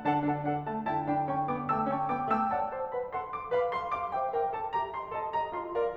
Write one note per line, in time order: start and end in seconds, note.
0.00 0.88 D3
0.00 0.22 D4
0.00 0.22 A4
0.00 0.22 F#5
0.00 0.22 A5
0.22 0.49 D4
0.22 0.49 A4
0.22 0.49 F#5
0.22 0.49 A5
0.49 0.72 D4
0.49 0.72 A4
0.49 0.72 F#5
0.49 0.72 A5
0.72 0.88 A3
0.72 0.88 D5
0.72 0.88 F#5
0.72 0.88 A5
0.89 2.50 D3
0.89 1.10 E4
0.89 1.10 G5
0.89 1.10 A5
1.10 1.30 D4
1.10 1.30 G5
1.10 1.30 A5
1.10 1.30 B5
1.31 1.50 C#4
1.31 1.50 G5
1.31 1.50 A5
1.31 1.50 C#6
1.50 1.67 B3
1.50 1.67 G5
1.50 1.67 A5
1.50 1.67 D6
1.67 1.89 A3
1.67 1.89 G5
1.67 1.89 A5
1.67 1.89 E6
1.89 2.10 C#4
1.89 2.10 G5
1.89 2.10 A5
1.89 2.10 C#6
2.10 2.30 B3
2.10 2.30 G5
2.10 2.30 A5
2.10 2.30 D6
2.31 2.50 A3
2.31 2.50 G5
2.31 2.50 A5
2.31 2.50 E6
2.50 2.71 D5
2.50 2.71 F#5
2.50 2.71 A5
2.72 2.94 C5
2.72 2.94 F#5
2.72 2.94 A5
2.94 3.15 B4
2.94 3.15 F#5
2.94 3.15 B5
3.15 3.32 A4
3.15 3.32 F#5
3.15 3.32 C6
3.32 3.53 G4
3.32 3.53 F5
3.32 3.53 D6
3.53 3.74 B4
3.53 3.74 F5
3.53 3.74 B5
3.75 3.89 A4
3.75 3.89 F5
3.75 3.89 C6
3.89 4.06 G4
3.89 4.06 F5
3.89 4.06 D6
4.08 4.28 C5
4.08 4.28 E5
4.08 4.28 G5
4.28 4.53 A#4
4.28 4.53 E5
4.28 4.53 G5
4.54 4.77 A4
4.54 4.77 E5
4.54 4.77 A5
4.77 4.98 G4
4.77 4.98 E5
4.77 4.98 A#5
4.98 5.17 F4
4.98 5.17 D#5
4.98 5.17 C6
5.17 5.36 A4
5.17 5.36 D#5
5.17 5.36 A5
5.36 5.55 G4
5.36 5.55 D#5
5.36 5.55 A#5
5.56 5.79 F4
5.56 5.79 D#5
5.56 5.79 C6
5.79 5.96 A#4
5.79 5.96 D5
5.79 5.96 F5